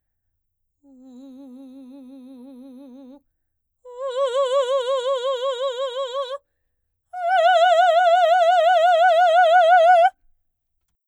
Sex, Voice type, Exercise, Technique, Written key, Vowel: female, soprano, long tones, full voice forte, , u